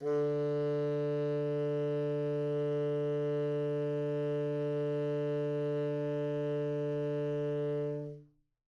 <region> pitch_keycenter=50 lokey=50 hikey=51 volume=20.156827 offset=8 lovel=0 hivel=83 ampeg_attack=0.004000 ampeg_release=0.500000 sample=Aerophones/Reed Aerophones/Tenor Saxophone/Non-Vibrato/Tenor_NV_Main_D2_vl2_rr1.wav